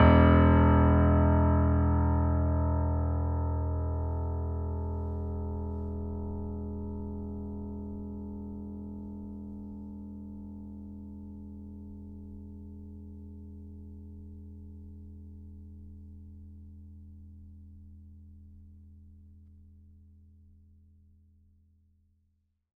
<region> pitch_keycenter=28 lokey=28 hikey=29 volume=-0.111318 lovel=66 hivel=99 locc64=0 hicc64=64 ampeg_attack=0.004000 ampeg_release=0.400000 sample=Chordophones/Zithers/Grand Piano, Steinway B/NoSus/Piano_NoSus_Close_E1_vl3_rr1.wav